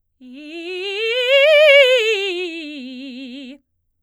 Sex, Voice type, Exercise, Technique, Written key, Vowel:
female, soprano, scales, fast/articulated forte, C major, i